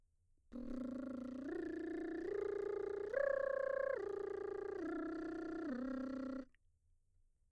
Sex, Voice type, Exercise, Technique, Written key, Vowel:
female, mezzo-soprano, arpeggios, lip trill, , e